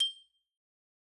<region> pitch_keycenter=91 lokey=88 hikey=93 volume=16.305668 lovel=0 hivel=83 ampeg_attack=0.004000 ampeg_release=15.000000 sample=Idiophones/Struck Idiophones/Xylophone/Hard Mallets/Xylo_Hard_G6_pp_01_far.wav